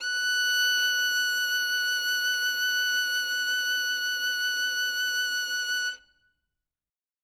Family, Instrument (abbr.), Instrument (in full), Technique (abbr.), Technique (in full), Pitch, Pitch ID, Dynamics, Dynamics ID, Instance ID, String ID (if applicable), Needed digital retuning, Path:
Strings, Vn, Violin, ord, ordinario, F#6, 90, ff, 4, 1, 2, TRUE, Strings/Violin/ordinario/Vn-ord-F#6-ff-2c-T16d.wav